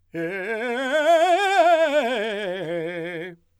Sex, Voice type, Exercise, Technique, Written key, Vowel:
male, , scales, fast/articulated forte, F major, e